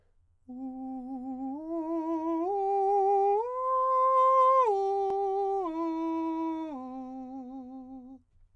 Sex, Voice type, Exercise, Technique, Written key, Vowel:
male, countertenor, arpeggios, slow/legato forte, C major, u